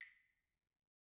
<region> pitch_keycenter=60 lokey=60 hikey=60 volume=27.978784 offset=202 lovel=0 hivel=65 ampeg_attack=0.004000 ampeg_release=15.000000 sample=Idiophones/Struck Idiophones/Claves/Claves1_Hit_v1_rr1_Mid.wav